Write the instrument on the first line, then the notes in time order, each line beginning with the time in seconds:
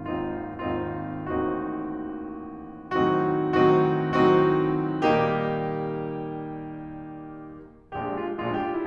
piano
0.01 G#1 D#2 C4 D#4 F4
0.62 G#1 D#2 C4 D#4 F4
1.33 A1 D#2 C4 D#4 F#4
2.92 A2 D#3 F#3 C4 D#4 F#4
3.55 A2 D#3 F#3 C4 D#4 F#4
4.22 A2 D#3 F#3 C4 D#4 F#4
5.03 A#2 D#3 G3 A#3 D#4 G4
7.83 A#1 A#2 G#3 D4 G4
8.11 F4
8.38 A#1 A#2 G#3 D4 F4
8.48 G4
8.62 F4
8.75 E4